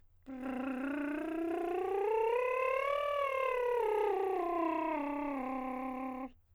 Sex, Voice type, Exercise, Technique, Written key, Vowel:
male, countertenor, scales, lip trill, , i